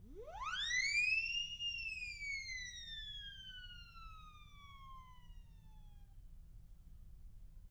<region> pitch_keycenter=64 lokey=64 hikey=64 volume=20.000000 ampeg_attack=0.004000 ampeg_release=1.000000 sample=Aerophones/Free Aerophones/Siren/Main_SirenWhistle-010.wav